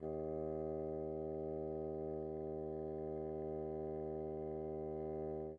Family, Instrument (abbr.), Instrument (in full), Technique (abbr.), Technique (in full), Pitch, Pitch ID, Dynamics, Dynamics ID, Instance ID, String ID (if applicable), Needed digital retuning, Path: Winds, Bn, Bassoon, ord, ordinario, D#2, 39, pp, 0, 0, , FALSE, Winds/Bassoon/ordinario/Bn-ord-D#2-pp-N-N.wav